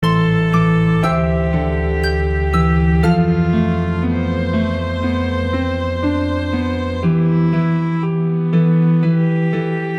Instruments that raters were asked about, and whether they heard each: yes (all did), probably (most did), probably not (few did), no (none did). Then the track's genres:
violin: probably
drums: no
mallet percussion: yes
Ambient